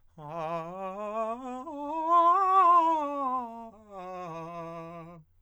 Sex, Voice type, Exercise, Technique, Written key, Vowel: male, countertenor, scales, fast/articulated forte, F major, a